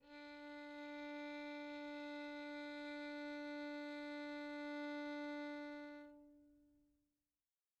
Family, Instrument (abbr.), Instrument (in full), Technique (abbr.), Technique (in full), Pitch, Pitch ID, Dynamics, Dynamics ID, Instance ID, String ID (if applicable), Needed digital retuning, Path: Strings, Vn, Violin, ord, ordinario, D4, 62, pp, 0, 2, 3, FALSE, Strings/Violin/ordinario/Vn-ord-D4-pp-3c-N.wav